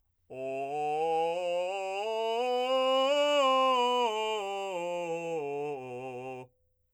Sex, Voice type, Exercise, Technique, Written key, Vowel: male, , scales, belt, , o